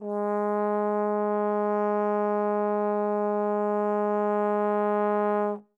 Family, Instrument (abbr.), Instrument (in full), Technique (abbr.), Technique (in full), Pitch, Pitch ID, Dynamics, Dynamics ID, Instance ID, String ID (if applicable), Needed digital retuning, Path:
Brass, Tbn, Trombone, ord, ordinario, G#3, 56, mf, 2, 0, , FALSE, Brass/Trombone/ordinario/Tbn-ord-G#3-mf-N-N.wav